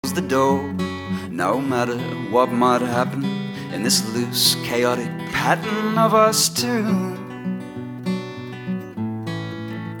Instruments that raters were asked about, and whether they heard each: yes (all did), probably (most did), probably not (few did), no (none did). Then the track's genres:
organ: no
banjo: probably not
Psych-Folk; Singer-Songwriter